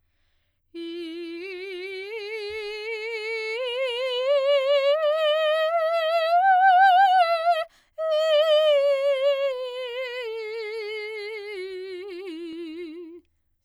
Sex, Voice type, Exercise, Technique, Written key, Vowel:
female, soprano, scales, slow/legato forte, F major, i